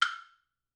<region> pitch_keycenter=60 lokey=60 hikey=60 volume=1.937063 offset=505 lovel=107 hivel=127 ampeg_attack=0.004000 ampeg_release=30.000000 sample=Idiophones/Struck Idiophones/Woodblock/wood_click_ff.wav